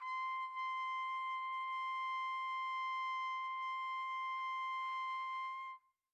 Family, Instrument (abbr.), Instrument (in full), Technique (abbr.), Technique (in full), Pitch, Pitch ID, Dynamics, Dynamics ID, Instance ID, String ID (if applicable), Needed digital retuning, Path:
Brass, TpC, Trumpet in C, ord, ordinario, C6, 84, pp, 0, 0, , FALSE, Brass/Trumpet_C/ordinario/TpC-ord-C6-pp-N-N.wav